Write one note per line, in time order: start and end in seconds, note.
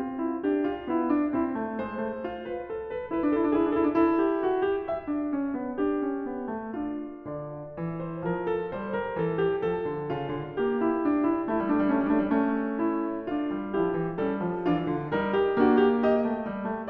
0.00 0.44 C4
0.00 0.23 F4
0.23 0.44 E4
0.44 0.89 D4
0.44 0.67 G4
0.67 0.89 F4
0.89 1.34 B3
0.89 1.09 E4
1.09 1.34 D4
1.34 1.60 C4
1.34 1.80 E4
1.60 1.80 A3
1.80 2.01 G#3
1.80 2.52 C5
2.01 2.26 A3
2.26 2.94 F4
2.52 2.72 B4
2.72 2.94 A4
2.94 3.11 B4
3.13 3.23 D4
3.13 3.40 B4
3.23 3.31 E4
3.30 3.42 D4
3.40 3.52 E4
3.40 3.62 A4
3.49 3.60 D4
3.60 3.69 E4
3.60 3.87 G#4
3.68 3.77 D4
3.76 3.85 E4
3.84 3.95 D4
3.84 4.06 A4
3.95 4.01 E4
4.01 4.08 D4
4.08 5.09 E4
4.08 4.24 A4
4.24 4.44 G4
4.44 4.68 F#4
4.68 4.89 G4
4.89 5.56 E5
5.09 5.35 D4
5.35 5.56 C#4
5.56 5.83 B3
5.83 6.07 D4
5.83 6.78 G4
6.07 6.32 C#4
6.32 6.57 B3
6.57 6.78 A3
6.78 7.79 D4
6.78 7.30 F4
7.30 7.79 D3
7.30 8.02 D5
7.79 8.28 E3
8.02 8.28 C5
8.28 8.75 F3
8.28 8.53 A#4
8.53 8.75 A4
8.75 9.23 G3
8.75 8.96 C5
8.96 9.23 A#4
9.23 9.67 E3
9.23 9.42 A4
9.42 9.67 G4
9.67 9.86 F3
9.67 10.58 A4
9.86 10.12 D3
10.12 10.37 C#3
10.12 10.80 F4
10.37 10.58 D3
10.58 11.24 A#3
10.58 12.81 G4
10.80 11.01 E4
11.01 11.24 D4
11.24 11.45 E4
11.48 11.55 G3
11.48 11.73 E4
11.55 11.64 A3
11.62 11.74 G3
11.73 11.82 A3
11.73 11.92 D4
11.81 11.89 G3
11.89 11.96 A3
11.89 12.14 C#4
11.95 12.03 G3
12.02 12.13 A3
12.11 12.20 G3
12.11 12.35 D4
12.20 12.28 A3
12.28 12.36 G3
12.35 13.51 A3
12.35 13.28 C#4
12.81 13.28 E4
13.28 13.76 D4
13.28 13.76 F4
13.51 13.76 G3
13.76 13.97 F3
13.76 14.21 E4
13.76 14.21 G4
13.97 14.21 E3
14.21 14.42 G3
14.21 14.70 C#4
14.21 14.70 A4
14.42 14.70 F3
14.70 14.91 E3
14.70 15.14 D4
14.70 15.14 F4
14.91 15.14 D3
15.14 15.64 G3
15.14 15.64 D#4
15.14 15.38 A#4
15.38 15.64 G4
15.64 16.28 A#3
15.64 16.08 D4
15.64 15.88 F#4
15.88 16.08 G4
16.08 16.90 G4
16.08 16.70 D#5
16.28 16.47 A3
16.47 16.70 G3
16.70 16.87 A3